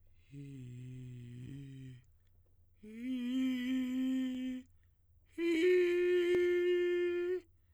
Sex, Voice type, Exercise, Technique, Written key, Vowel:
male, tenor, long tones, inhaled singing, , i